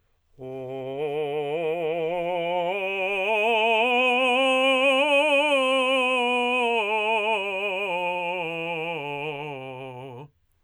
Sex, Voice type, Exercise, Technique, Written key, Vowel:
male, tenor, scales, vibrato, , o